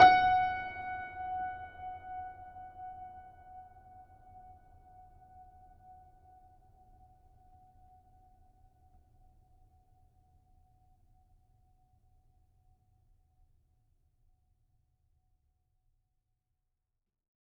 <region> pitch_keycenter=78 lokey=78 hikey=79 volume=0.934510 offset=700 lovel=66 hivel=99 locc64=65 hicc64=127 ampeg_attack=0.004000 ampeg_release=0.400000 sample=Chordophones/Zithers/Grand Piano, Steinway B/Sus/Piano_Sus_Close_F#5_vl3_rr1.wav